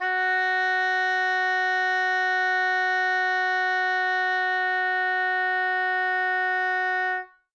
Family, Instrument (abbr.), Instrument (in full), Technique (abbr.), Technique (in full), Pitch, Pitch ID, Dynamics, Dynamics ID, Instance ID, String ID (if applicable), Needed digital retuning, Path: Winds, Ob, Oboe, ord, ordinario, F#4, 66, ff, 4, 0, , TRUE, Winds/Oboe/ordinario/Ob-ord-F#4-ff-N-T11d.wav